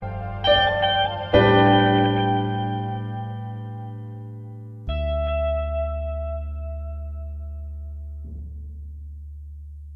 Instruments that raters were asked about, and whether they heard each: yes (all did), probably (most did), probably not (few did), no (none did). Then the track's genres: mallet percussion: no
Pop; Folk